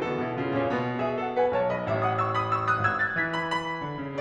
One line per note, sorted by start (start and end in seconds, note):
0.00 0.17 E3
0.00 0.17 B3
0.00 0.39 F#4
0.00 0.39 A4
0.17 0.39 B2
0.17 0.39 D#4
0.39 0.58 C#3
0.39 1.00 E4
0.39 1.00 G#4
0.58 0.74 A#2
0.58 0.74 C#4
0.74 1.50 B2
0.74 1.00 B3
1.01 1.17 G#4
1.01 1.17 E5
1.18 1.35 A4
1.18 1.35 F#5
1.35 1.50 B4
1.35 1.50 G#5
1.50 1.85 B1
1.50 1.66 C#5
1.50 1.66 A5
1.66 1.85 D#5
1.66 1.85 B5
1.85 2.83 A1
1.85 2.02 E5
1.85 2.02 C#6
2.02 2.17 F#5
2.02 2.17 D#6
2.17 2.31 C#6
2.17 2.31 E6
2.31 2.53 B5
2.31 2.53 D#6
2.53 2.68 C#6
2.53 2.68 E6
2.68 2.83 D#6
2.68 2.83 F#6
2.83 3.15 G#1
2.83 2.98 E6
2.83 2.98 G#6
3.00 3.15 F#6
3.00 3.15 A6
3.16 3.85 E3
3.16 3.34 G#6
3.16 3.34 B6
3.36 3.52 B5
3.54 4.20 B5
3.85 4.02 D3
4.02 4.20 C#3